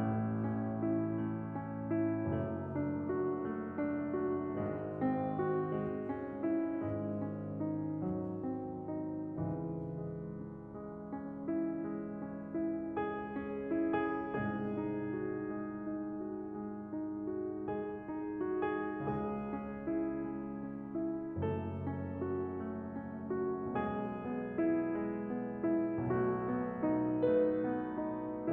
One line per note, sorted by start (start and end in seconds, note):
0.01 2.25 A1
0.01 2.25 A2
0.01 0.75 A3
0.37 1.12 C#4
0.76 1.47 E4
1.13 1.82 A3
1.48 2.25 C#4
1.83 2.72 E4
2.27 4.53 F#1
2.27 4.53 F#2
2.27 3.08 A3
2.72 3.49 D4
3.09 3.87 F#4
3.50 4.19 A3
3.88 4.53 D4
4.20 4.53 F#4
4.55 6.65 G#1
4.55 6.65 G#2
4.55 5.30 G#3
4.92 5.64 C4
5.31 5.93 F#4
5.65 6.31 G#3
5.94 6.65 C4
6.32 7.02 F#4
6.66 9.41 G#1
6.66 9.41 G#2
6.66 7.41 G#3
7.03 7.85 C#4
7.42 8.28 D#4
7.87 8.88 F#3
8.30 9.41 C4
8.89 9.41 D#4
9.44 14.20 C#2
9.44 14.20 G#2
9.44 14.20 C#3
9.44 10.29 E3
9.94 10.66 G#3
10.30 11.07 C#4
10.68 11.48 G#3
11.08 11.86 C#4
11.49 12.21 E4
11.87 12.57 G#3
12.22 12.94 C#4
12.58 13.31 E4
12.95 13.71 G#3
12.95 13.81 G#4
13.32 14.20 C#4
13.72 14.20 E4
13.82 14.20 G#4
14.22 18.96 C2
14.22 18.96 G#2
14.22 18.96 C3
14.22 14.92 G#3
14.22 17.66 G#4
14.58 15.28 D#4
14.94 15.67 F#4
15.30 16.20 G#3
15.68 16.61 D#4
16.21 16.91 F#4
16.61 17.27 G#3
16.92 17.66 D#4
17.28 18.04 F#4
17.68 18.51 G#3
17.68 18.62 G#4
18.07 18.96 D#4
18.52 18.96 F#4
18.63 18.96 G#4
18.98 21.32 C#2
18.98 21.32 C#3
18.98 19.86 G#3
18.98 21.32 G#4
19.43 20.18 C#4
19.87 20.51 E4
20.20 20.92 G#3
20.52 21.32 C#4
20.93 21.77 E4
21.33 23.72 F#1
21.33 23.72 F#2
21.33 22.15 A3
21.33 23.72 A4
21.79 22.47 C#4
22.16 22.85 F#4
22.48 23.34 A3
22.87 23.72 C#4
23.35 23.72 F#4
23.74 25.94 B1
23.74 25.94 B2
23.74 24.50 G#3
23.74 25.94 G#4
24.08 24.92 B3
24.51 25.26 E4
24.93 25.57 G#3
25.27 25.94 B3
25.58 26.27 E4
25.95 28.52 B1
25.95 28.52 B2
25.95 26.76 A3
25.95 27.15 F#4
26.28 27.15 B3
26.77 27.57 D#4
27.16 27.96 A3
27.16 28.52 B4
27.58 28.52 B3
27.99 28.52 D#4